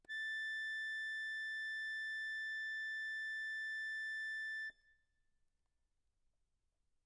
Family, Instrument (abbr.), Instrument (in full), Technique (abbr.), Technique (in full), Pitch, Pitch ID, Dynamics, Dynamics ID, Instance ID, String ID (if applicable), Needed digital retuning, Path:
Keyboards, Acc, Accordion, ord, ordinario, A6, 93, mf, 2, 1, , FALSE, Keyboards/Accordion/ordinario/Acc-ord-A6-mf-alt1-N.wav